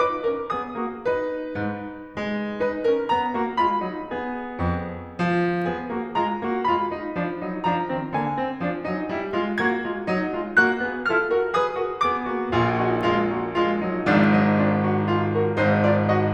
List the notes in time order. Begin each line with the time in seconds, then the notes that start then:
0.00 D#4 B4 D6
0.28 C#4 A#4
0.55 B3 G#4 D#6
0.80 A#3 F#4
1.04 D#4 B4
1.58 G#2
2.16 G#3
2.61 D#4 B4
2.88 C#4 A#4
3.09 B3 G#4 A#5
3.34 A#3 F#4
3.59 G#3 F4 B5
3.85 F#3 D#4
4.11 B3 G#4
4.59 F2
5.14 F3
5.69 B3 G#4
5.91 A#3 F#4
6.19 G#3 F4 A#5
6.40 A#3 F#4
6.62 G#3 F4 B5
6.92 F#3 D#4
7.16 F3 D4
7.41 F#3 D#4
7.63 F3 D4 A#5
7.92 D#3 C4
8.16 D3 A#3 G#5
8.38 D#3 C4
8.63 F3 D4
8.85 F#3 D#4
9.08 G3 E4
9.32 G#3 F4
9.59 A#3 F#4 G#6
9.83 G#3 F4
10.05 F#3 D#4
10.33 G#3 F4
10.63 A#3 F#4 F#6
10.86 B3 G#4
11.10 F4 A4 F6
11.30 F#4 A#4
11.55 G#4 B4 D#6
11.78 F#4 A#4
12.04 B3 G#4 D6
12.26 A#3 F#4
12.52 A#1 A#2 F4 G#4
12.78 D#4 F#4
13.04 G#3 F4
13.35 A#3 F#4
13.55 G#3 F4
13.76 F#3 D#4
14.01 G#1 G#2 F3 D4
14.22 F#3 D#4
14.57 D4 F4
14.85 D#4 F#4
15.10 F4 G#4
15.33 F#4 A#4
15.55 G#1 G#2 D#4 C5
15.86 F4 D5
16.15 F#4 D#5